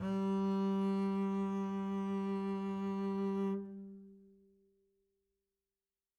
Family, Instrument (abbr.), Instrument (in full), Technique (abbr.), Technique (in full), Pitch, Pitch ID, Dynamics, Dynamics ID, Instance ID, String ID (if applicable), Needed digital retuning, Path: Strings, Cb, Contrabass, ord, ordinario, G3, 55, mf, 2, 1, 2, FALSE, Strings/Contrabass/ordinario/Cb-ord-G3-mf-2c-N.wav